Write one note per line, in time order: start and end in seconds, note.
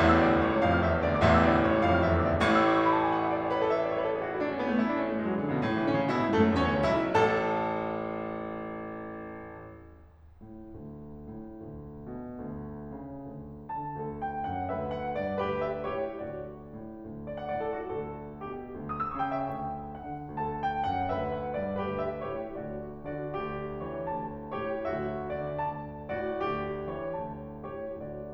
0.00 1.23 A1
0.00 0.20 E2
0.00 1.23 A2
0.00 0.34 E5
0.09 0.43 E6
0.20 0.43 D2
0.20 0.52 D5
0.34 0.64 D6
0.43 0.64 C#2
0.43 0.72 C#5
0.52 0.84 C#6
0.64 0.84 F2
0.64 0.93 F5
0.72 1.02 F6
0.84 1.02 E2
0.84 1.14 E5
0.93 1.23 E6
1.02 1.23 D2
1.02 1.32 D5
1.15 1.45 D6
1.24 2.46 A1
1.24 1.45 E2
1.24 2.46 A2
1.24 1.54 E5
1.34 1.66 E6
1.46 1.66 D2
1.46 1.76 D5
1.57 1.86 D6
1.66 1.86 C#2
1.66 1.95 C#5
1.76 2.05 C#6
1.86 2.05 F2
1.86 2.15 F5
1.95 2.26 F6
2.05 2.26 E2
2.05 2.36 E5
2.15 2.46 E6
2.26 2.46 D2
2.26 2.46 D5
2.36 2.46 D6
2.46 5.76 A1
2.46 5.76 A2
2.46 2.55 C#6
2.57 2.64 E6
2.65 2.73 D6
2.74 2.82 C#6
2.83 2.93 B5
2.93 3.02 A5
3.02 3.11 G#5
3.11 3.19 F#5
3.19 3.29 E5
3.29 3.39 D5
3.39 3.53 C#5
3.53 3.65 B4
3.65 3.74 A4
3.74 3.84 E5
3.85 3.94 D5
3.95 4.02 C#5
4.03 4.10 B4
4.10 4.18 A4
4.18 4.27 G#4
4.27 4.37 F#4
4.37 4.46 E4
4.46 4.54 D4
4.54 4.63 C#4
4.63 4.71 B3
4.71 4.82 A3
4.82 4.90 E4
4.90 5.00 D4
5.02 5.10 C#4
5.11 5.17 B3
5.17 5.24 A3
5.25 5.32 G#3
5.33 5.42 F#3
5.42 5.51 E3
5.51 5.60 D3
5.60 5.67 C#3
5.67 5.76 B2
5.76 5.83 A2
5.84 5.92 E3
5.92 6.01 D3
5.92 6.11 C#4
6.01 6.11 C#3
6.12 6.23 B2
6.12 6.32 E4
6.23 6.32 A2
6.32 6.41 G#2
6.32 6.52 A3
6.32 6.52 A4
6.42 6.52 F#2
6.52 6.63 E2
6.52 6.73 C#4
6.52 6.73 C#5
6.63 6.73 D2
6.73 6.84 C#2
6.73 6.98 E4
6.73 6.98 E5
6.86 6.98 B1
6.98 9.60 A1
6.98 9.60 A4
6.98 9.60 A5
9.60 10.05 A2
10.05 11.30 D2
11.30 11.59 A2
11.60 12.17 D2
12.18 12.41 B2
12.41 12.93 D2
12.93 13.27 C#3
13.27 13.71 D2
13.72 13.96 D3
13.72 14.23 A5
13.96 14.48 D2
13.96 14.72 A4
14.23 14.48 G5
14.48 14.72 F#2
14.48 14.72 F#5
14.72 15.14 D2
14.72 15.41 B4
14.72 14.93 E5
14.93 15.14 F#5
15.15 15.41 G2
15.15 15.41 D5
15.42 15.87 D2
15.42 15.87 G4
15.42 15.67 B4
15.67 15.87 E5
15.87 16.18 A2
15.87 16.18 G4
15.87 16.18 C#5
16.18 16.72 D2
16.18 16.49 F#4
16.18 16.49 D5
16.73 17.07 A2
17.08 17.62 D2
17.26 17.35 D5
17.36 17.52 F#5
17.52 17.62 D5
17.62 17.89 A2
17.62 17.79 A4
17.79 17.89 F#4
17.89 18.43 D2
17.89 18.43 A4
18.43 18.67 B2
18.43 18.67 G4
18.68 19.20 D2
18.82 18.90 D#6
18.91 19.04 E6
19.05 19.20 C#6
19.20 19.48 C#3
19.20 19.32 G5
19.32 19.48 E5
19.48 20.07 D2
19.48 20.07 G5
20.07 20.35 D3
20.07 20.35 F#5
20.35 20.83 D2
20.35 21.13 A4
20.35 20.62 A5
20.63 20.83 G5
20.84 21.13 F#2
20.84 21.13 F#5
21.13 21.55 D2
21.13 21.73 B4
21.13 21.34 E5
21.34 21.55 F#5
21.55 21.73 G2
21.55 21.73 D5
21.73 22.28 D2
21.73 22.28 G4
21.73 21.97 B4
21.98 22.28 E5
22.29 22.62 A2
22.29 22.62 G4
22.29 22.62 C#5
22.63 23.14 D2
22.63 22.94 F#4
22.63 22.94 D5
23.14 23.39 D3
23.14 23.39 F#4
23.14 23.82 D5
23.39 23.82 D2
23.39 24.31 G4
23.84 24.06 E3
23.84 24.06 C#5
24.09 24.58 D2
24.09 24.31 A5
24.58 24.83 A2
24.58 24.83 G4
24.58 24.83 C#5
24.83 25.26 D2
24.83 25.79 F#4
24.83 25.26 E5
25.26 25.55 D3
25.26 25.55 D5
25.57 26.10 D2
25.57 25.79 A5
26.10 26.42 A2
26.10 26.42 F#4
26.10 26.92 D5
26.42 26.92 D2
26.42 27.40 G4
26.92 27.16 E3
26.92 27.16 C#5
27.19 27.64 D2
27.19 27.40 A5
27.65 27.85 A2
27.65 27.85 G4
27.65 27.85 C#5
27.85 28.34 D2
27.85 28.34 F#4
27.85 28.34 D5